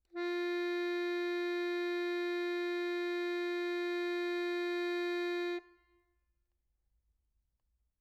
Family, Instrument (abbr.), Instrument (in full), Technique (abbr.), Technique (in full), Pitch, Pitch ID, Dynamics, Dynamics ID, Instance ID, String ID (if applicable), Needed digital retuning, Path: Keyboards, Acc, Accordion, ord, ordinario, F4, 65, mf, 2, 3, , FALSE, Keyboards/Accordion/ordinario/Acc-ord-F4-mf-alt3-N.wav